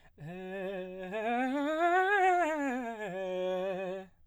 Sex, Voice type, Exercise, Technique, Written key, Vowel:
male, baritone, scales, fast/articulated piano, F major, e